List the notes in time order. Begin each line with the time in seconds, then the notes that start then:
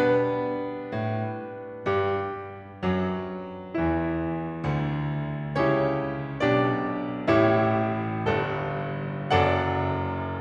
0.00 B2 G3 B3 D4 B4
0.84 B2
1.58 G2 G4
2.84 F#2 F#3
3.78 E2 E3 E4
4.67 D2 D3
5.64 C#2 C#3 C#4 E4 G4 C#5
6.39 B1 B2 D4 G4 D5
7.35 A1 A2 E4 G4 C#5 E5
8.27 G1 G2 A4
9.31 F#1 F#2 A4 D5 F#5